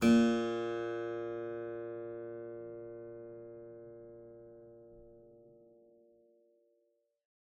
<region> pitch_keycenter=46 lokey=46 hikey=48 volume=-2 offset=118 trigger=attack ampeg_attack=0.004000 ampeg_release=0.350000 amp_veltrack=0 sample=Chordophones/Zithers/Harpsichord, English/Sustains/Normal/ZuckermannKitHarpsi_Normal_Sus_A#1_rr1.wav